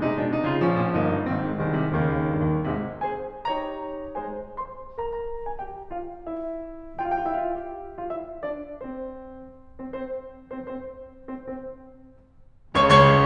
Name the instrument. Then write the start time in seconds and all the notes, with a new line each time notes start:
piano
0.00 C3 G#3 D#4
0.17 B2 D4
0.34 C3 D#4
0.48 C#3 F3 F4
0.66 A#1 F3 C#4
0.82 A#2
0.96 G1 A#3 D#4
1.14 G2
1.32 G#1 D#3 C4
1.47 G#2
1.66 C2 D#3 G#3
1.81 C3
1.99 D#2 C#3 D#3 A#3
2.21 D#2
2.39 G2
2.55 D#2
2.75 G#1 G#2 C3 G#3
3.11 G#3 G#4 C5 G#5
3.46 D#4 G4 C#5 A#5
4.14 G#3 G#4 C5 G#5
4.57 C5 C6
4.97 A#4 A#5
5.49 G#4 G#5
5.58 G4 G5
5.93 F4 F5
6.20 E4 E5
7.04 F4 F5
7.11 G4 G5
7.16 E4 E5
7.23 F4 F5
7.31 G4 G5
8.03 F4 F5
8.10 E4 E5
8.43 D4 D5
8.79 C4 C5
9.94 C4 C5
10.01 C4 C5
10.54 C4 C5
10.62 C4 C5
11.31 C4 C5
11.40 C4 C5
12.78 C#2 C#3 C#5 C#6
12.89 C#2 C#3 C#5 C#6